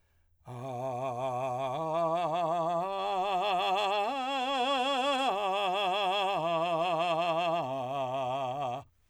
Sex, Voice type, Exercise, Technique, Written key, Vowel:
male, , arpeggios, vibrato, , a